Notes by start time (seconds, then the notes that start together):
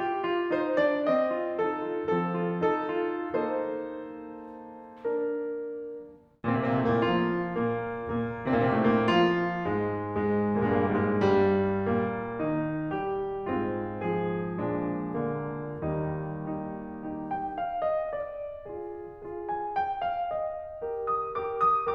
0.00 G4
0.21 F4
0.55 D#4 C5
0.77 D4 D5
1.07 C4 D#5
1.40 F4
1.61 D#4 A4
1.90 F4
2.11 F3 C4 A4
2.37 F4
2.62 D#4 A4
3.00 F4
3.38 A#3 D#4 A4 C5
5.10 D4 A#4
6.32 A#2 A#3
6.39 C3 C4
6.46 A#2 A#3
6.54 C3 C4
6.65 A#2 A#3
6.72 C3 C4
6.79 A2 A3
6.91 A#2 A#3
7.01 F3 F4
7.56 A#2 A#3
8.03 A#2 A#3
8.53 A#2 A#3
8.59 C3 C4
8.66 A#2 A#3
8.73 C3 C4
8.80 A#2 A#3
8.85 C3 C4
8.90 A2 A3
8.97 A#2 A#3
9.03 F3 F4
9.64 G#2 G#3
10.04 G#2 G#3
10.57 G#2 G#3
10.62 A#2 A#3
10.68 G#2 G#3
10.77 A#2 A#3
10.86 G#2 G#3
10.92 A#2 A#3
10.99 G2 G3
11.13 G#2 G#3
11.20 G2 G3
11.91 A#2 A#3
12.46 D#3 D#4
13.00 G3 G4
13.49 G#2 G#3 C4 F4
14.04 F3 G#4
14.61 A#2 F3 G#3 D4
15.16 D3 A#3
15.87 D#2 D#3 G3 A#3 D#4
16.53 D#4 G4
17.08 D#4 G4
17.35 G5
17.60 F5
17.93 D#5
18.23 D5
18.70 F4 G#4
19.23 F4 G#4
19.48 G#5
19.76 G5
20.06 F5
20.28 D#5
20.84 G4 A#4
21.11 D#6
21.40 G4 A#4 D6
21.64 D#6